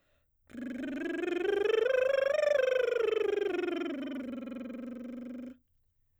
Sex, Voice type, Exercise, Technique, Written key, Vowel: female, soprano, scales, lip trill, , e